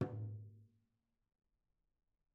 <region> pitch_keycenter=64 lokey=64 hikey=64 volume=22.326455 offset=263 lovel=0 hivel=65 seq_position=1 seq_length=2 ampeg_attack=0.004000 ampeg_release=30.000000 sample=Membranophones/Struck Membranophones/Tom 1/Stick/TomH_HitS_v2_rr1_Mid.wav